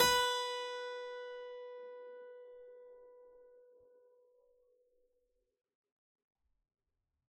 <region> pitch_keycenter=71 lokey=71 hikey=71 volume=1.083678 trigger=attack ampeg_attack=0.004000 ampeg_release=0.400000 amp_veltrack=0 sample=Chordophones/Zithers/Harpsichord, Unk/Sustains/Harpsi4_Sus_Main_B3_rr1.wav